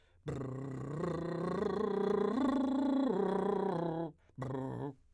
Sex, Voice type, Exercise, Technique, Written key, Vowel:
male, , arpeggios, lip trill, , e